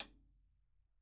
<region> pitch_keycenter=61 lokey=61 hikey=61 volume=15.648631 seq_position=2 seq_length=2 ampeg_attack=0.004000 ampeg_release=30.000000 sample=Membranophones/Struck Membranophones/Snare Drum, Rope Tension/RopeSnare_stick_Main_vl1_rr2.wav